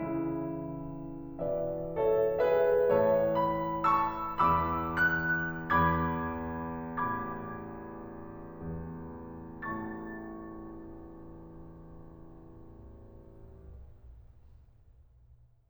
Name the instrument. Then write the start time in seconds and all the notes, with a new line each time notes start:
piano
0.01 C#3 E3 E4
1.42 B2 E3 B4 D5 E5
1.95 A4 C#5 E5
2.40 G#4 B4 E5
2.90 A2 E3 C#5 E5 A5
3.36 B5
3.85 A5 C#6 E6
4.42 E2 E3 B5 D6 E6
5.20 F#6
5.92 E2 B5 D6 G#6
7.00 A1 B5 D6 G#6
8.53 E2
9.64 A1 A2 A5 C#6 A6